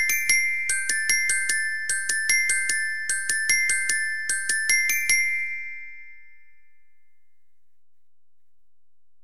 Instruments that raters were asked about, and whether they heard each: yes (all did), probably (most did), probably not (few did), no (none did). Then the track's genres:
mallet percussion: yes
Pop; Experimental Pop